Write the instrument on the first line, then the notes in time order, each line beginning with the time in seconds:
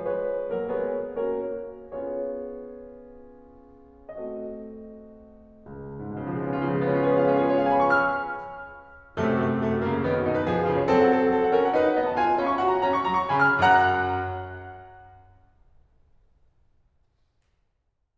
piano
0.00 F3 G#3 B4 C#5
0.60 F#3 A#3 A#4
0.77 G#3 B3 G#4 B4 C#5
1.17 A#3 C#4 F#4 A#4 C#5
1.65 B3 C#4 F4 G#4 C#5
4.06 A3 C4 F#4 A4 D#5
5.64 C#2
5.89 F2
5.94 G#2
6.08 B2
6.23 C#3
6.29 F3
6.35 G#3
6.43 B3
6.49 C#4
6.58 F4
6.64 C#3
6.69 F3
6.75 G#3
6.80 B3
6.87 C#4
6.93 F4
6.98 G#4
7.04 B4
7.09 C#5
7.16 F5
7.21 C#4
7.29 F4
7.36 G#4
7.48 B4
7.53 C#5
7.58 F5
7.65 G#5
7.72 B5
7.80 C#6
7.85 F6
9.18 F#2 C3 A3
9.33 F#4
9.45 A3
9.54 F#4
9.62 A3
9.73 F#4
9.83 C#3 A#3
9.97 F#4
10.05 D#3 B3
10.15 F#4
10.23 B2 D#4
10.34 B4
10.45 F3 G#4
10.55 B4
10.65 C#3 F4
10.75 C#5
10.84 F#3 C4 A4
10.94 F#5
11.15 A4
11.30 F#5
11.39 A4
11.47 F#5
11.60 C#4 A#4
11.69 F#5
11.78 D#4 B4
11.87 F#5
11.99 B3 D#5
12.10 B5
12.18 F4 G#5
12.26 B5
12.35 C#4 F5
12.49 C#6
12.61 F#4 F#5
12.81 C#4 A#5
12.90 C#6
13.10 F#3 A#5
13.19 C#6
13.29 C#3 G#5 B5
13.41 F6
13.61 F#2 F#5 A#5 F#6